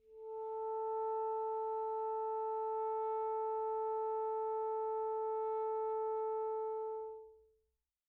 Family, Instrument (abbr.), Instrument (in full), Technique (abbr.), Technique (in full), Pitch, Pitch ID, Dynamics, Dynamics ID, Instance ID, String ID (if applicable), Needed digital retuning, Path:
Winds, ASax, Alto Saxophone, ord, ordinario, A4, 69, pp, 0, 0, , FALSE, Winds/Sax_Alto/ordinario/ASax-ord-A4-pp-N-N.wav